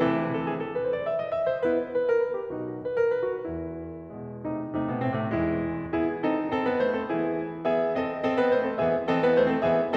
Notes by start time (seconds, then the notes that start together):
0.01 C3 E3 A3 C4 E4 A4
0.32 A4
0.44 G#4
0.57 A4
0.74 B4
0.84 C5
0.97 D5
1.11 E5
1.22 D#5
1.39 A3 E4 E5
1.50 C5
1.64 B3 E4 B4
1.94 B4
2.10 A#4
2.23 B4
2.40 G4
2.53 B1 B2 D#4 F#4
2.79 B4
2.97 A#4
3.13 B4
3.28 F#4
3.49 E2 E4
4.17 B2 G#3
4.43 C3 A3 D#4
4.72 C3 A3
4.87 B2 B3
5.02 A2 C4
5.20 C3 A3
5.36 E2 E3 G#3 E4
5.94 B3 E4 G#4
6.23 C4 D#4 A4
6.51 C4 A4
6.65 B3 B4
6.82 A3 C5
6.96 C4 A4
7.12 E3 B3 E4 G#4
7.68 B3 G#4 E5
7.99 C4 A4 D#5
8.30 C4 A4
8.41 B3 B4
8.54 A3 C5
8.68 C4 A4
8.81 E3 B3 G#4 E5
9.07 E3 C4 A4 D#5
9.25 B3 B4
9.38 A3 C5
9.48 C4 A4
9.65 E3 B3 G#4 E5